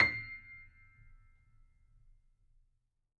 <region> pitch_keycenter=96 lokey=96 hikey=97 volume=0.524251 lovel=100 hivel=127 locc64=0 hicc64=64 ampeg_attack=0.004000 ampeg_release=0.400000 sample=Chordophones/Zithers/Grand Piano, Steinway B/NoSus/Piano_NoSus_Close_C7_vl4_rr1.wav